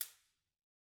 <region> pitch_keycenter=60 lokey=60 hikey=60 volume=13.846582 offset=210 seq_position=1 seq_length=2 ampeg_attack=0.004000 ampeg_release=10.000000 sample=Idiophones/Struck Idiophones/Cabasa/Cabasa1_Hit_rr1_Mid.wav